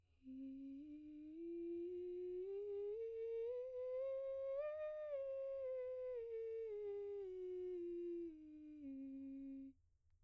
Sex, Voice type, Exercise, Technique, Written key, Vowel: female, soprano, scales, breathy, , i